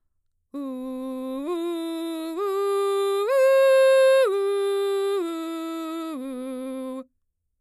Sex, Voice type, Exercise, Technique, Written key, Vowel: female, mezzo-soprano, arpeggios, belt, , u